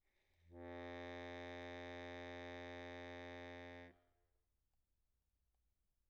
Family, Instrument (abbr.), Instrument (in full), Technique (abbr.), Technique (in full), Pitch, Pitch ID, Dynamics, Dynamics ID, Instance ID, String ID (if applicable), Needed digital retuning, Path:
Keyboards, Acc, Accordion, ord, ordinario, F2, 41, pp, 0, 1, , FALSE, Keyboards/Accordion/ordinario/Acc-ord-F2-pp-alt1-N.wav